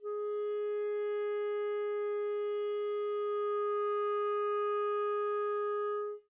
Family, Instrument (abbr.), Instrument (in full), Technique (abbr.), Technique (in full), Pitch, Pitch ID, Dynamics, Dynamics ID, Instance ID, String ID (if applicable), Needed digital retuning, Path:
Winds, ClBb, Clarinet in Bb, ord, ordinario, G#4, 68, mf, 2, 0, , FALSE, Winds/Clarinet_Bb/ordinario/ClBb-ord-G#4-mf-N-N.wav